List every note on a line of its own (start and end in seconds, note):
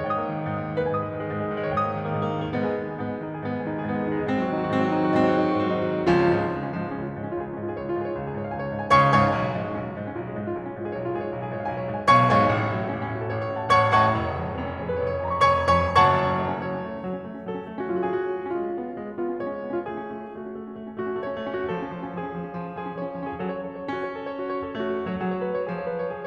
0.00 0.21 G#2
0.00 0.44 C#5
0.00 0.44 G5
0.06 0.79 D#6
0.12 0.35 A#3
0.21 0.44 D#3
0.35 0.53 A#3
0.44 0.62 G#2
0.53 0.70 A#3
0.63 0.79 D#3
0.71 0.88 A#3
0.80 0.98 G#2
0.80 1.21 B4
0.80 1.21 G#5
0.86 1.11 G#3
0.86 1.78 D#6
1.00 1.21 D#3
1.11 1.36 G#3
1.21 1.47 G#2
1.36 1.63 G#3
1.47 1.78 D#3
1.63 1.86 G#3
1.78 1.97 G#2
1.78 2.16 C#5
1.78 2.16 G5
1.85 2.07 A#3
1.85 2.54 D#6
1.97 2.16 D#3
2.07 2.26 A#3
2.17 2.36 G#2
2.28 2.44 A#3
2.37 2.54 D#3
2.45 2.62 A#3
2.54 2.72 G#2
2.54 2.72 B3
2.62 2.83 G#3
2.62 2.83 G#4
2.72 2.94 D#3
2.72 2.94 D#4
2.83 3.05 G#3
2.83 3.05 G#4
2.94 3.17 G#2
2.94 3.17 B3
3.05 3.30 G#3
3.05 3.30 G#4
3.17 3.40 D#3
3.17 3.40 D#4
3.30 3.55 G#3
3.30 3.55 G#4
3.40 3.66 G#2
3.40 3.66 B3
3.56 3.76 G#3
3.56 3.76 G#4
3.67 3.88 D#3
3.67 3.88 D#4
3.77 4.01 G#3
3.77 4.01 G#4
3.89 4.11 G#2
3.89 4.11 B3
4.02 4.23 G#3
4.02 4.23 G#4
4.11 4.30 D#3
4.11 4.30 D#4
4.23 4.39 G#3
4.23 4.39 G#4
4.30 4.49 G#2
4.30 4.49 C4
4.39 4.59 D#3
4.39 4.59 F#4
4.49 4.69 B2
4.49 4.69 D#4
4.59 4.78 D#3
4.59 4.78 F#4
4.69 4.89 G#2
4.69 4.89 C4
4.78 5.00 D#3
4.78 5.00 F#4
4.90 5.13 B2
4.90 5.13 D#4
5.02 5.24 D#3
5.02 5.24 F#4
5.14 5.41 G#2
5.14 5.41 C4
5.25 5.53 D#3
5.25 5.53 F#4
5.42 5.62 B2
5.42 5.62 D#4
5.53 5.75 D#3
5.53 5.75 F#4
5.62 5.89 G#2
5.62 5.89 C4
5.75 5.99 D#3
5.75 5.99 F#4
5.89 6.07 B2
5.89 6.07 D#4
5.99 6.16 D#3
5.99 6.16 F#4
6.07 6.25 C#2
6.07 6.25 F3
6.07 6.34 G#3
6.07 6.42 C#4
6.07 6.42 F4
6.16 6.34 C#3
6.25 6.42 G#2
6.25 6.42 F3
6.34 6.51 G#3
6.43 6.59 C#2
6.43 6.59 C#4
6.51 6.70 F3
6.61 6.83 G#2
6.61 6.83 G#3
6.71 6.93 C#4
6.83 7.14 C#2
6.83 7.14 F4
6.93 7.24 G#3
7.14 7.34 G#2
7.14 7.34 C#4
7.24 7.47 F4
7.34 7.60 C#2
7.34 7.60 G#4
7.47 7.70 C#4
7.60 7.79 G#2
7.60 7.79 F4
7.70 7.92 G#4
7.79 8.01 C#2
7.79 8.01 C#5
7.93 8.10 F4
8.02 8.19 G#2
8.02 8.19 G#4
8.10 8.30 C#5
8.20 8.42 C#2
8.20 8.42 F5
8.31 8.50 G#4
8.42 8.60 G#2
8.42 8.60 C#5
8.50 8.72 F5
8.60 8.81 C#2
8.60 8.81 G#5
8.72 8.90 C#5
8.81 9.00 G#2
8.81 9.00 F5
8.90 9.00 G#5
9.00 9.38 C#2
9.00 9.38 C#3
9.00 9.23 C#5
9.00 9.23 F5
9.00 9.23 G#5
9.00 9.23 C#6
9.24 9.38 G#2
9.24 9.38 C#5
9.24 9.38 F5
9.24 9.38 G#5
9.24 9.38 C#6
9.39 9.54 B1
9.46 9.65 C#3
9.56 9.73 G#2
9.56 9.73 F3
9.65 9.80 G#3
9.73 9.89 B1
9.73 9.89 C#4
9.80 9.97 F3
9.89 10.08 G#2
9.89 10.08 G#3
9.97 10.17 C#4
10.08 10.26 B1
10.08 10.26 F4
10.17 10.36 G#3
10.26 10.45 G#2
10.26 10.45 C#4
10.36 10.61 F4
10.46 10.73 B1
10.46 10.73 G#4
10.62 10.82 C#4
10.74 10.97 G#2
10.74 10.97 F4
10.83 11.06 G#4
10.97 11.17 B1
10.97 11.17 C#5
11.06 11.25 F4
11.17 11.34 G#2
11.17 11.34 G#4
11.25 11.44 C#5
11.34 11.52 B1
11.34 11.52 F5
11.44 11.59 G#4
11.52 11.64 G#2
11.52 11.64 C#5
11.59 11.74 F5
11.64 11.83 B1
11.64 11.83 G#5
11.75 11.94 C#5
11.85 12.03 G#2
11.85 12.03 F5
11.95 12.03 G#5
12.04 12.55 B1
12.04 12.55 C#3
12.04 12.32 C#5
12.04 12.32 F5
12.04 12.32 G#5
12.04 12.32 C#6
12.32 12.55 G#2
12.32 12.55 C#5
12.32 12.55 F5
12.32 12.55 G#5
12.32 12.55 C#6
12.55 12.72 A1
12.64 12.83 C#3
12.72 12.91 A2
12.72 12.91 F#3
12.83 13.01 A3
12.91 13.11 A1
12.91 13.01 C#4
13.01 13.20 C#4
13.12 13.31 A2
13.12 13.31 F#4
13.21 13.39 A4
13.32 13.48 A1
13.32 13.39 C#5
13.40 13.61 C#5
13.49 13.70 A2
13.49 13.70 F#5
13.61 13.70 A5
13.70 14.09 A1
13.70 13.90 C#5
13.70 13.90 F#5
13.70 13.90 A5
13.70 13.90 C#6
13.90 14.09 A2
13.90 14.09 C#5
13.90 14.09 F#5
13.90 14.09 A5
13.90 14.09 C#6
14.09 14.36 F1
14.21 14.45 C#3
14.36 14.55 F2
14.36 14.55 G#3
14.45 14.64 B3
14.56 14.73 F1
14.56 14.64 C#4
14.65 14.83 C#4
14.74 14.95 F2
14.74 14.95 G#4
14.84 15.07 B4
14.95 15.17 F1
14.95 15.07 C#5
15.07 15.28 C#5
15.19 15.38 F2
15.19 15.38 G#5
15.28 15.38 B5
15.49 15.99 F1
15.49 15.72 C#5
15.49 15.72 G#5
15.49 15.72 B5
15.49 15.72 C#6
15.72 15.99 F2
15.72 15.99 C#5
15.72 15.99 G#5
15.72 15.99 B5
15.72 15.99 C#6
16.01 16.68 F#1
16.01 16.68 F#2
16.01 16.68 C#5
16.01 16.68 F#5
16.01 16.68 A5
16.01 16.68 C#6
16.22 16.57 C#4
16.45 16.68 A3
16.58 16.79 C#4
16.68 16.93 F#3
16.68 17.58 C#5
16.79 17.03 C#4
16.93 17.14 A3
17.03 17.25 C#4
17.14 17.37 F#3
17.26 17.47 C#4
17.38 17.58 A3
17.50 17.68 C#4
17.59 17.79 F#3
17.59 18.03 A4
17.69 17.86 C#4
17.79 18.03 A3
17.86 18.18 C#4
17.86 18.03 F#4
18.03 18.30 G#3
18.03 18.30 F4
18.09 18.18 F#4
18.13 18.37 G#4
18.18 18.40 C#4
18.18 18.49 F#4
18.30 18.49 B3
18.40 18.59 C#4
18.49 18.70 G#3
18.49 19.21 F4
18.59 18.81 C#4
18.70 18.95 B3
18.82 19.06 C#4
18.96 19.21 G#3
19.08 19.33 C#4
19.24 19.47 B3
19.24 19.47 F4
19.33 19.56 C#4
19.47 19.66 G#3
19.47 19.85 C#5
19.56 19.76 C#4
19.66 19.85 B3
19.76 19.95 C#4
19.76 19.95 F4
19.85 20.04 A3
19.85 20.24 G#4
19.95 20.13 C#4
20.04 20.24 A3
20.13 20.34 C#4
20.25 20.48 A3
20.25 20.96 F#4
20.35 20.58 C#4
20.49 20.68 A3
20.60 20.84 C#4
20.69 20.96 A3
20.84 21.06 C#4
20.96 21.15 A3
20.96 21.15 F#4
21.06 21.27 C#4
21.15 21.37 A3
21.15 21.69 C#5
21.27 21.54 C#4
21.37 21.69 A3
21.54 21.79 C#4
21.54 21.79 F#4
21.69 21.93 F3
21.69 22.13 A4
21.79 22.01 C#4
21.94 22.13 F3
22.02 22.28 C#4
22.14 22.41 F3
22.14 22.78 G#4
22.29 22.50 C#4
22.41 22.60 F3
22.50 22.70 C#4
22.60 22.78 F3
22.70 22.87 C#4
22.79 22.96 F3
22.79 22.96 G#4
22.87 23.05 C#4
22.96 23.13 F3
22.96 23.35 C#5
23.05 23.22 C#4
23.14 23.35 F3
23.24 23.46 C#4
23.24 23.46 G#4
23.35 23.87 F#3
23.35 23.63 F#4
23.46 23.74 C#5
23.64 23.87 A4
23.75 23.96 C#5
23.88 24.72 C#4
23.88 24.08 F#4
23.97 24.23 C#5
24.09 24.32 A4
24.23 24.40 C#5
24.32 24.49 F#4
24.40 24.58 C#5
24.49 24.72 A4
24.58 24.81 C#5
24.72 25.24 A3
24.72 24.95 F#4
24.81 25.11 C#5
24.95 25.24 A4
25.11 25.24 F#3
25.11 25.33 C#5
25.25 25.62 F#3
25.25 25.43 G#4
25.34 25.52 C#5
25.44 25.62 B4
25.53 25.73 C#5
25.62 26.27 F3
25.62 25.86 G#4
25.73 25.98 C#5
25.86 26.06 B4
25.98 26.18 C#5
26.06 26.27 G#4
26.18 26.27 C#5